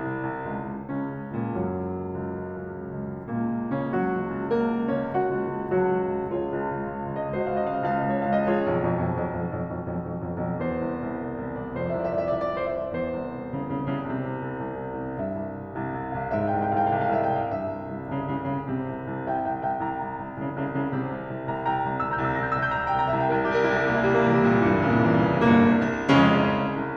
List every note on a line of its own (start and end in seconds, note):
0.00 0.30 C2
0.30 0.46 C2
0.46 0.65 C2
0.66 0.85 C#2
0.85 1.02 C#2
1.02 1.21 C#2
1.02 1.54 C#3
1.02 1.54 C#4
1.22 1.40 C#2
1.40 1.63 C#2
1.54 1.63 A#2
1.54 1.63 A#3
1.63 1.83 C#2
1.63 3.29 F#2
1.63 3.29 F#3
1.83 2.05 C#2
2.05 2.26 C#2
2.28 2.46 C#2
2.46 2.64 C#2
2.64 2.82 C#2
2.83 3.00 C#2
3.00 3.16 C#2
3.16 3.29 C#2
3.29 3.46 C#2
3.29 3.75 A#2
3.29 3.75 A#3
3.46 3.65 C#2
3.65 3.87 C#2
3.78 3.87 C#3
3.78 3.87 C#4
3.89 4.06 C#2
3.89 4.39 F#3
3.89 4.39 F#4
4.06 4.23 C#2
4.23 4.39 C#2
4.40 4.57 C#2
4.40 4.85 A#3
4.40 4.85 A#4
4.57 4.76 C#2
4.77 4.99 C#2
4.86 4.99 C#4
4.86 4.99 C#5
4.99 5.19 C#2
4.99 5.64 F#4
4.99 5.64 F#5
5.19 5.46 C#2
5.47 5.64 C#2
5.64 5.91 C#2
5.64 6.27 F#3
5.64 6.27 F#4
5.91 6.08 C#2
6.10 6.27 C#2
6.27 6.47 C#2
6.27 7.38 F4
6.27 7.38 G#4
6.27 7.21 C#5
6.47 6.63 C#2
6.64 6.83 C#2
6.83 7.06 C#2
7.06 7.21 C#2
7.22 7.38 C#2
7.22 7.38 D#5
7.38 7.55 C#2
7.38 8.51 F#4
7.38 8.51 C5
7.38 7.47 C#5
7.43 7.50 D#5
7.43 7.55 F5
7.51 7.74 C#2
7.51 7.58 D#5
7.51 7.63 F5
7.59 7.69 D#5
7.64 7.73 F5
7.69 7.81 D#5
7.74 7.99 C#2
7.74 7.85 F5
7.81 7.92 D#5
7.87 7.99 F5
7.93 8.03 D#5
7.99 8.16 C#2
7.99 8.08 F5
8.05 8.12 D#5
8.05 8.16 F5
8.13 8.22 D#5
8.17 8.35 C#2
8.17 8.25 F5
8.22 8.30 D#5
8.27 8.35 C#5
8.35 8.51 C#2
8.35 8.43 F5
8.43 8.51 D#5
8.51 8.67 C#2
8.51 8.87 F4
8.51 8.87 G#4
8.51 8.87 C#5
8.68 8.87 B1
8.68 8.87 F2
8.87 9.03 B1
8.87 9.03 F2
9.03 9.23 B1
9.03 9.23 F2
9.24 9.43 B1
9.24 9.43 F2
9.43 9.61 B1
9.43 9.61 F2
9.61 9.74 B1
9.61 9.74 F2
9.75 9.93 B1
9.75 9.93 F2
9.93 10.09 B1
9.93 10.09 F2
10.09 10.26 B1
10.09 10.26 F2
10.26 10.45 B1
10.26 10.45 F2
10.45 10.62 B1
10.45 10.62 F2
10.63 11.80 E2
10.63 11.61 C5
10.87 11.03 C2
11.03 11.23 C2
11.24 11.45 C2
11.45 11.61 C2
11.61 11.80 C2
11.61 11.80 D5
11.81 12.92 F2
11.81 11.90 C5
11.85 11.97 D5
11.91 12.00 E5
11.97 12.09 D5
12.03 12.21 C2
12.03 12.13 E5
12.10 12.17 D5
12.10 12.21 E5
12.18 12.35 C2
12.18 12.23 D5
12.18 12.27 E5
12.24 12.32 D5
12.28 12.40 D5
12.28 12.35 E5
12.36 12.52 C2
12.36 12.47 D5
12.36 12.42 E5
12.43 12.55 D5
12.43 12.50 E5
12.52 12.70 C2
12.52 12.60 E5
12.56 12.70 C5
12.56 12.64 D5
12.70 12.92 C2
12.70 12.81 E5
12.82 12.92 D5
12.93 13.13 E2
12.93 13.37 C5
13.13 13.37 C2
13.39 13.57 C2
13.57 13.78 C2
13.57 13.78 C#3
13.78 13.94 C2
13.78 13.94 C#3
13.96 14.11 C2
13.96 14.11 C#3
14.11 14.28 C2
14.11 14.45 C3
14.28 14.45 C2
14.47 14.65 C2
14.65 14.86 C2
14.86 15.02 C2
15.03 15.23 C2
15.23 16.46 G2
15.23 16.13 E5
15.37 15.57 C2
15.58 15.78 C2
15.78 15.95 C2
15.95 16.13 C2
16.13 16.46 C2
16.13 16.46 F5
16.46 17.55 G#2
16.46 16.63 G5
16.53 16.66 F5
16.63 16.73 G5
16.67 16.80 F5
16.76 16.92 C2
16.76 16.87 F5
16.76 16.82 G5
16.83 16.95 F5
16.83 16.90 G5
16.92 17.07 C2
16.92 17.02 F5
16.92 16.99 G5
17.00 17.10 F5
17.00 17.07 G5
17.07 17.22 C2
17.07 17.15 G5
17.11 17.17 F5
17.11 17.22 G5
17.18 17.26 F5
17.23 17.39 C2
17.23 17.35 F5
17.23 17.30 G5
17.31 17.39 E5
17.39 17.55 C2
17.39 17.47 G5
17.47 17.55 F5
17.55 17.74 A#2
17.55 17.91 E5
17.75 17.91 C2
17.91 18.09 C2
18.09 18.26 C2
18.09 18.26 C#3
18.27 18.49 C2
18.27 18.49 C#3
18.49 18.72 C2
18.49 18.72 C#3
18.72 18.89 C2
18.72 19.06 C3
18.89 19.06 C2
19.06 19.25 C2
19.26 19.44 C2
19.26 19.44 E5
19.26 19.44 G5
19.44 19.61 C2
19.44 19.61 E5
19.44 19.61 G5
19.61 19.76 C2
19.61 19.76 E5
19.61 19.76 G5
19.76 19.96 C2
19.76 20.15 G5
19.76 20.15 A#5
19.96 20.15 C2
20.15 20.38 C2
20.39 20.57 C2
20.39 20.57 C#3
20.57 20.75 C2
20.57 20.75 C#3
20.75 20.91 C2
20.75 20.91 C#3
20.92 21.10 C2
20.92 21.26 C3
21.10 21.26 C2
21.26 21.43 C2
21.44 21.61 C2
21.44 21.61 G5
21.44 21.61 A#5
21.61 21.76 C2
21.61 21.76 G5
21.61 21.76 A#5
21.77 21.93 C2
21.77 21.93 G5
21.77 21.93 A#5
21.93 22.12 C2
21.93 22.12 E6
22.04 22.22 A#5
22.12 22.30 C2
22.12 22.30 G6
22.22 22.43 E6
22.34 22.52 C2
22.34 22.52 A#6
22.44 22.60 G6
22.52 22.69 C2
22.52 22.69 E6
22.60 22.80 G6
22.69 22.89 C2
22.69 22.89 A#5
22.80 22.99 E6
22.91 23.08 C2
22.91 23.08 G5
22.99 23.17 A#5
23.08 23.28 C2
23.08 23.28 E5
23.17 23.36 G5
23.28 23.46 C2
23.28 23.46 A#4
23.38 23.55 E5
23.48 23.63 C2
23.48 23.63 G4
23.55 23.71 A#4
23.63 23.78 C2
23.63 23.78 E4
23.71 23.86 G4
23.78 23.94 C2
23.78 23.94 A#3
23.87 24.08 E4
23.95 24.25 C2
23.95 24.25 G3
24.08 24.35 A#3
24.25 24.45 C2
24.25 24.45 E3
24.35 24.53 G3
24.45 24.64 C2
24.45 24.64 A#2
24.54 24.72 E3
24.64 24.80 C2
24.64 24.80 G2
24.72 24.87 A#2
24.80 24.98 C2
24.80 24.98 C#3
24.87 25.08 A#2
25.00 25.19 C2
25.00 25.19 E3
25.09 25.29 C#3
25.19 25.43 C2
25.19 25.43 G3
25.29 25.43 E3
25.43 25.66 G1
25.43 25.66 G2
25.43 25.66 A#3
25.69 25.90 C2
25.90 26.09 C2
26.09 26.38 F1
26.09 26.38 F2
26.09 26.38 C#3
26.09 26.38 G#3
26.09 26.38 C#4
26.38 26.70 C2
26.71 26.97 C2